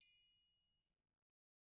<region> pitch_keycenter=69 lokey=69 hikey=69 volume=29.871626 offset=183 lovel=0 hivel=83 seq_position=1 seq_length=2 ampeg_attack=0.004000 ampeg_release=30.000000 sample=Idiophones/Struck Idiophones/Triangles/Triangle6_Hit_v1_rr1_Mid.wav